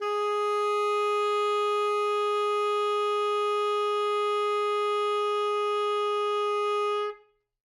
<region> pitch_keycenter=68 lokey=68 hikey=69 volume=14.400040 lovel=84 hivel=127 ampeg_attack=0.004000 ampeg_release=0.500000 sample=Aerophones/Reed Aerophones/Tenor Saxophone/Non-Vibrato/Tenor_NV_Main_G#3_vl3_rr1.wav